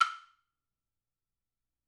<region> pitch_keycenter=60 lokey=60 hikey=60 volume=7.087696 offset=51 lovel=84 hivel=106 seq_position=1 seq_length=2 ampeg_attack=0.004000 ampeg_release=30.000000 sample=Idiophones/Struck Idiophones/Woodblock/wood_click_f_rr1.wav